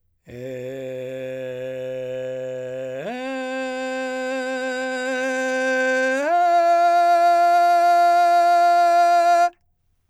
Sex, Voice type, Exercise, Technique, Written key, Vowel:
male, , long tones, straight tone, , e